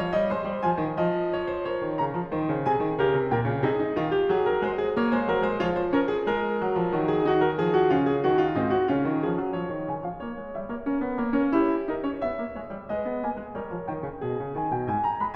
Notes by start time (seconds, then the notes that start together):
0.00 F3 C#5
0.14 G3 D#5
0.30 G#3 C5 C6
0.48 G3
0.64 F3 G#5
0.79 D#3
0.98 F3 D#5
1.35 C#5
1.51 C5
1.66 A#4 C#5
1.86 D#3
2.00 C#3 A#5
2.15 F3
2.31 D#3 C5
2.46 C#3
2.64 C3 G#4 G#5
2.82 D#3
3.02 C#3 G4 A#4
3.18 C3
3.31 A#2 A#4 G5
3.45 C#3
3.61 C3 D#4 G#4
3.80 D#4
3.96 D#3 F4
4.13 G4
4.32 F#3 G#4
4.45 A#4
4.61 G#3 C5
4.77 G#4
4.93 A#3 C#5
5.14 G#3 C5
5.32 F#3 A#4
5.48 G#3 C5
5.64 F3 F4 C#5
5.77 C5
5.93 C#4 A#4
6.10 G#4
6.26 G#3 A#4
6.61 F#3
6.77 F3
6.93 D#3 F#3
7.09 G#4
7.28 D#4 F#4
7.43 A#4
7.58 F3 G#4
7.74 F#4
7.92 C#3 C#4 F4
8.06 G#4
8.22 D#3 F#4
8.42 F4
8.54 G#2 C4 D#4
8.70 F#4
8.89 C#3 C#4 F4
9.08 D#3
9.25 F3 G#4
9.40 F#3
9.60 F3 C#5
9.78 D#3
9.94 C#3 G#5
10.04 F3 F5
10.19 A#3 C#5
10.38 G#3
10.53 G3 E5
10.70 A#3 C#5
10.89 C#4 A#4
11.02 B3
11.17 A#3 C#5
11.34 C#4 A#4
11.55 E4 G4
11.88 D#4 A#4
12.06 C#4 C#5
12.23 B3 E5
12.42 A#3
12.55 G#3 C#5
12.70 G3
12.90 G#3 B4 D#5
13.10 B3
13.28 A#3 G#5
13.43 G#3
13.56 G3 A#4 C#5
13.71 F3
13.87 D#3 G5
14.06 C#3
14.26 B2 G#4
14.40 C#3
14.58 D#3 G#5
14.74 B2 F#5
14.85 G#2 G#5
15.00 A#5
15.19 G#3 B5